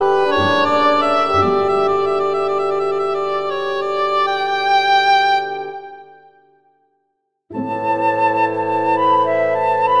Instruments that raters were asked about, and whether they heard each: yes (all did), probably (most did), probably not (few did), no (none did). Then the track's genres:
guitar: no
violin: probably
flute: yes
Classical